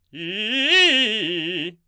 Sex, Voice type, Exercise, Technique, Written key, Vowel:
male, baritone, arpeggios, fast/articulated forte, F major, i